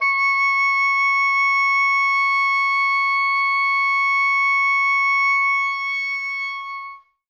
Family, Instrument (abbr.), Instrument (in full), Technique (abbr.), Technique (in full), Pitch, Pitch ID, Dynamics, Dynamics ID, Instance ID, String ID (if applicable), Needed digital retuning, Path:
Winds, Ob, Oboe, ord, ordinario, C#6, 85, ff, 4, 0, , FALSE, Winds/Oboe/ordinario/Ob-ord-C#6-ff-N-N.wav